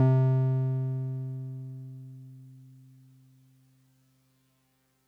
<region> pitch_keycenter=48 lokey=47 hikey=50 volume=7.604191 lovel=100 hivel=127 ampeg_attack=0.004000 ampeg_release=0.100000 sample=Electrophones/TX81Z/Piano 1/Piano 1_C2_vl3.wav